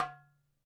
<region> pitch_keycenter=61 lokey=61 hikey=61 volume=9.310073 lovel=0 hivel=83 seq_position=1 seq_length=2 ampeg_attack=0.004000 ampeg_release=30.000000 sample=Membranophones/Struck Membranophones/Darbuka/Darbuka_2_hit_vl1_rr2.wav